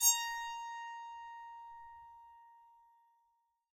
<region> pitch_keycenter=82 lokey=82 hikey=83 volume=5.554851 ampeg_attack=0.004000 ampeg_release=15.000000 sample=Chordophones/Zithers/Psaltery, Bowed and Plucked/Spiccato/BowedPsaltery_A#4_Main_Spic_rr1.wav